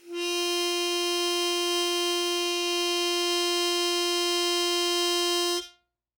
<region> pitch_keycenter=65 lokey=65 hikey=67 volume=8.065204 trigger=attack ampeg_attack=0.004000 ampeg_release=0.100000 sample=Aerophones/Free Aerophones/Harmonica-Hohner-Special20-F/Sustains/Normal/Hohner-Special20-F_Normal_F3.wav